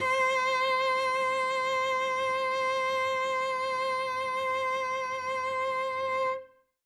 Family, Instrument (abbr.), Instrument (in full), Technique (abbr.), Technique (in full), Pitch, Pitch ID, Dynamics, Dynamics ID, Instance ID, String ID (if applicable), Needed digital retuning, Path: Strings, Vc, Cello, ord, ordinario, C5, 72, ff, 4, 1, 2, FALSE, Strings/Violoncello/ordinario/Vc-ord-C5-ff-2c-N.wav